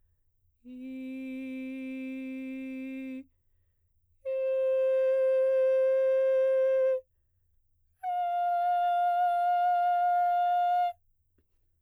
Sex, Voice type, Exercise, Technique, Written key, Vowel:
female, soprano, long tones, straight tone, , i